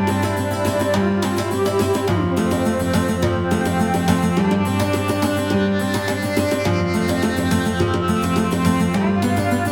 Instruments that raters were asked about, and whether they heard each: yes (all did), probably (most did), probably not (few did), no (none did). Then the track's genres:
accordion: no
banjo: no
Electronic; IDM; Downtempo